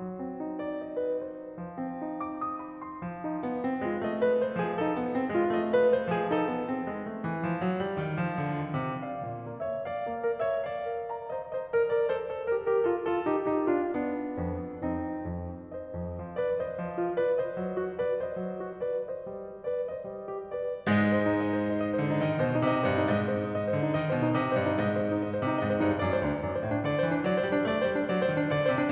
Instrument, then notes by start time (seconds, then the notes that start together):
piano
0.00 F#3
0.22 C4
0.39 D#4
0.60 D5
0.86 D#5
1.03 B4
1.25 C5
1.85 C4
2.04 D#4
2.24 D6
2.41 D#6
2.59 B5
2.80 C6
3.02 F3
3.20 D#4
3.46 B3
3.66 C4
3.83 G#3 F4
3.99 A3 D#5
4.20 B4
4.35 C5
4.59 F3 G#4
4.82 D#4 A4
4.98 B3
5.14 C4
5.32 G#3 F4
5.50 A3 D#5
5.72 B4
5.90 C5
6.11 F3 G#4
6.34 D#4 A4
6.50 B3
6.65 C4
6.83 G#3
7.04 A3
7.20 E3
7.45 F3
7.62 F#3
7.78 G3
7.98 D#3
8.21 F3
8.39 D3
8.59 D#3
8.80 C3
9.03 D5 F5
9.28 A#2
9.47 A#3
9.69 C#5 E5
9.85 D5 F5
10.05 A#3
10.22 A#4
10.37 C#5 E5
10.55 D5 F5
10.88 A#4
11.10 A#5
11.27 C5 D#5
11.42 C5 D#5
11.66 A#4 D5
11.87 A#4 D5
12.07 A4 C5
12.25 A4 C5
12.42 G4 A#4
12.64 G4 A#4
12.82 F4 A4
13.01 F4 A4
13.20 D#4 G4
13.41 D#4 G4
13.69 D4 F4
13.99 B3 D4
14.37 F2
14.85 F2 C4 D#4
15.29 F2
15.77 C5 D#5
15.96 F2
16.18 F3
16.36 B4 D5
16.58 C5 D#5
16.82 F3
17.01 F4
17.16 B4 D5
17.33 C5 D#5
17.53 F#3
17.73 F#4
17.98 B4 D5
18.24 C5 D#5
18.46 F#3
18.66 F#4
18.88 B4 D5
19.08 C5 D#5
19.31 G3
19.49 G4
19.68 B4 D5
19.91 C5 D#5
20.07 G3
20.31 G4
20.60 B4 D5
20.85 G#2 G#3 D#5
21.10 C5
21.30 D#4
21.42 D#5
21.62 C5
21.73 D#4
21.85 D#5
21.98 C5
22.06 D3
22.13 D#4
22.27 D#3 D#5
22.40 C5
22.50 B2
22.59 D#4
22.77 C3 D#5
22.89 C5
22.95 G2
23.00 D#4
23.19 G#2 D#5
23.34 C5
23.49 D#4
23.60 D#5
23.71 C5
23.80 D3
23.86 D#4
23.95 D#3 D#5
24.06 C5
24.14 B2
24.18 D#4
24.37 C3 D#5
24.49 C5
24.53 G2
24.64 D#4
24.82 G#2 D#5
24.96 C5
25.08 D#4
25.22 D#5
25.34 C5
25.41 C3
25.51 D#4
25.61 G#2 D#5
25.73 C5
25.79 G2
25.83 D#4
26.03 F#2 D5
26.15 C5
26.26 D2
26.37 D4
26.47 F#2 D5
26.61 C5
26.69 A2
26.75 D4
26.87 D3 D5
26.98 C5
27.06 E3
27.14 D4
27.26 F#3 D5
27.38 C5
27.42 G3
27.55 D4
27.70 A3 D5
27.83 C5
27.89 G3
27.96 D4
28.06 F#3 D5
28.21 C5
28.32 D#3
28.37 D4
28.50 D3 D5
28.65 C5
28.71 C3
28.82 D4